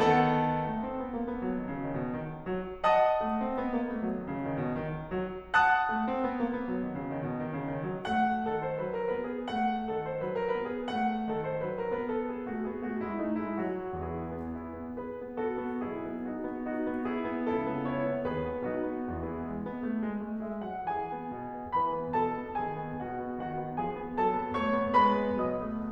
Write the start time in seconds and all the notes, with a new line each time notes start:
0.00 D#3 B3 A4 F#5 A5
0.59 A3
0.80 C4
0.99 B3
1.13 A#3
1.27 B3
1.43 F#3
1.58 D#3
1.73 C#3
1.86 D#3
2.02 B2
2.16 D#3
2.46 F#3
2.84 D#5 F#5 A5 D#6
3.24 A3
3.44 C4
3.62 B3
3.76 A#3
3.87 B3
4.01 F#3
4.18 D#3
4.28 C#3
4.44 D#3
4.60 B2
4.76 D#3
5.13 F#3
5.54 F#5 A5 D#6 F#6
5.90 A3
6.08 C4
6.23 B3
6.39 A#3
6.49 B3
6.65 F#3
6.84 D#3
6.98 C#3
7.12 D#3
7.24 B2
7.42 D#3
7.53 C#3
7.71 D#3
7.89 F#3
8.05 A3 F#5
8.49 D#3 A4
8.65 C5
8.82 F#3 B4
8.95 A#4
9.11 B3 B4
9.28 G#4
9.50 A3 F#5
9.93 D#3 A4
10.10 C5
10.23 F#3 B4
10.37 A#4
10.55 B3 B4
10.67 G#4
10.86 A3 F#5
11.27 D#3 A4
11.46 C5
11.68 F#3 B4
11.82 A#4
11.95 B3 B4
12.11 A4
12.29 G#4
12.47 A3 F#4
12.64 B3 G#4
12.83 A3 F#4
13.00 G#3 E4
13.19 A3 D#4
13.39 G#3 E4
13.58 F#3 F#4
14.05 E2 E3 E4 G#4
14.30 B3
14.54 E4
14.74 B3
14.97 G#4 B4
15.16 B3
15.36 F#4 A4
15.64 B3
15.84 B1 B2 E4 G#4
16.07 B3
16.28 D#4 F#4
16.44 B3
16.65 D#4 F#4
16.90 B3
17.11 E4 G#4
17.31 B3
17.52 C#2 C#3 E4 A4
17.71 B3
17.88 E4 C#5
18.08 B3
18.29 D#2 D#3 F#4 B4
18.45 B3
18.68 B1 B2 D#4 F#4
18.87 B3
19.14 E2 E3 B3 E4 G#4
19.42 G#3
19.62 B3
19.86 A3
20.05 G#3
20.24 A3
20.43 G#3 E5
20.63 F#3 F#5
20.87 E3 G#4 G#5
21.11 B3
21.35 B2
21.55 B3
21.75 E3 B4 B5
21.97 B3
22.16 B2 A4 A5
22.36 B3
22.60 D#3 G#4 G#5
22.79 B3
23.05 B2 F#4 F#5
23.25 B3
23.42 D#3 F#4 F#5
23.60 B3
23.78 F3 G#4 G#5
23.96 B3
24.18 F#3 A4 A5
24.35 B3
24.56 A3 C#5 C#6
24.74 B3
24.96 G#3 B4 B5
25.19 B3
25.45 B2 F#3 D#5 D#6
25.68 A3